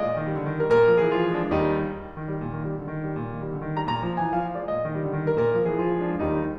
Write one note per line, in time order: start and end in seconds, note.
0.00 0.17 A#2
0.00 0.29 D#5
0.19 0.29 D#3
0.29 0.39 G3
0.41 0.57 D3
0.57 0.72 D#3
0.72 0.82 G3
0.72 0.82 A#4
0.82 0.92 A#2
0.82 1.03 A#4
0.92 1.03 F3
1.04 1.13 G#3
1.04 1.13 G#4
1.13 1.24 E3
1.13 1.40 F4
1.25 1.40 F3
1.40 1.53 G#3
1.40 1.53 D4
1.53 1.81 D#2
1.53 1.81 D#3
1.53 1.81 G3
1.53 1.81 D#4
2.08 2.25 D#3
2.26 2.40 G3
2.40 2.55 A#2
2.55 2.66 D#3
2.66 2.80 G3
2.80 2.90 D3
2.91 3.04 D#3
3.04 3.16 G3
3.17 3.36 A#2
3.36 3.48 D#3
3.48 3.61 G3
3.61 3.74 D3
3.74 3.83 D#3
3.84 3.95 G3
3.84 3.95 A#5
3.95 4.06 A#2
3.95 4.27 A#5
4.08 4.27 F3
4.27 4.39 G#3
4.27 4.39 G#5
4.39 4.49 E3
4.39 4.60 F5
4.49 4.60 F3
4.60 4.74 G#3
4.60 4.74 D5
4.75 4.85 A#2
4.75 4.97 D#5
4.85 4.97 D#3
4.98 5.09 G3
5.09 5.20 D3
5.20 5.32 D#3
5.32 5.42 G3
5.32 5.42 A#4
5.42 5.51 A#2
5.42 5.63 A#4
5.51 5.63 F3
5.63 5.72 G#3
5.63 5.72 G#4
5.74 5.90 E3
5.74 6.06 F4
5.90 6.06 F3
6.06 6.21 G#3
6.06 6.21 D4
6.21 6.54 D#2
6.21 6.54 D#3
6.21 6.54 G3
6.21 6.54 D#4